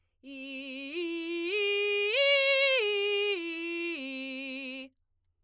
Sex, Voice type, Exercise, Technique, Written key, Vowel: female, soprano, arpeggios, belt, , i